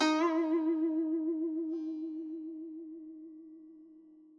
<region> pitch_keycenter=63 lokey=63 hikey=64 volume=8.616542 lovel=0 hivel=83 ampeg_attack=0.004000 ampeg_release=0.300000 sample=Chordophones/Zithers/Dan Tranh/Vibrato/D#3_vib_mf_1.wav